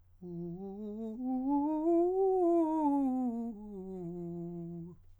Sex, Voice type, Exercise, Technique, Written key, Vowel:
male, countertenor, scales, fast/articulated piano, F major, u